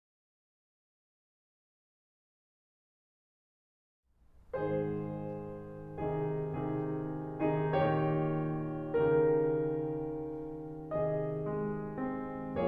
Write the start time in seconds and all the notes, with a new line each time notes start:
4.05 G#2 D#3 G#4 C5
6.00 C3 D#3 D#4 G#4
6.55 C3 D#3 D#4 G#4
7.35 C3 D#3 D#4 G#4
7.70 A#2 D#3 G#4 C#5
8.94 C#3 D#3 G4 A#4
11.02 C3 D#3 G#4 D#5
11.57 G#3
12.12 C4